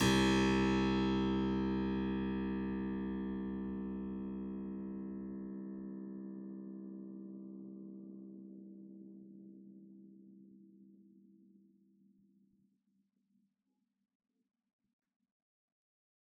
<region> pitch_keycenter=36 lokey=36 hikey=36 volume=0.578066 trigger=attack ampeg_attack=0.004000 ampeg_release=0.400000 amp_veltrack=0 sample=Chordophones/Zithers/Harpsichord, Unk/Sustains/Harpsi4_Sus_Main_C1_rr1.wav